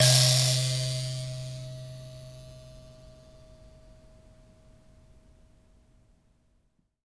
<region> pitch_keycenter=48 lokey=48 hikey=49 tune=51 volume=-3.260362 ampeg_attack=0.004000 ampeg_release=15.000000 sample=Idiophones/Plucked Idiophones/Mbira Mavembe (Gandanga), Zimbabwe, Low G/Mbira5_Normal_MainSpirit_C2_k10_vl2_rr1.wav